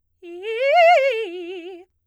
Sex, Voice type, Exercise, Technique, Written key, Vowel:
female, soprano, arpeggios, fast/articulated piano, F major, i